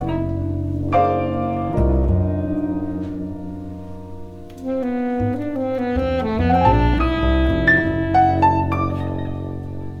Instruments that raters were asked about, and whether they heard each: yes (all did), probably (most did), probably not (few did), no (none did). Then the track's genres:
saxophone: yes
Free-Jazz; Improv